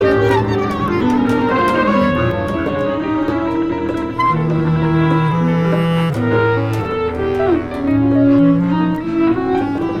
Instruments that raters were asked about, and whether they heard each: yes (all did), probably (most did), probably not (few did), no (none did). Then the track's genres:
saxophone: yes
Free-Jazz; Improv